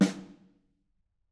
<region> pitch_keycenter=61 lokey=61 hikey=61 volume=9.653849 offset=211 lovel=107 hivel=127 seq_position=1 seq_length=2 ampeg_attack=0.004000 ampeg_release=15.000000 sample=Membranophones/Struck Membranophones/Snare Drum, Modern 2/Snare3M_HitSN_v5_rr1_Mid.wav